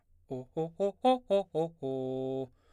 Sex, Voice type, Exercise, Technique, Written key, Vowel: male, baritone, arpeggios, fast/articulated forte, C major, o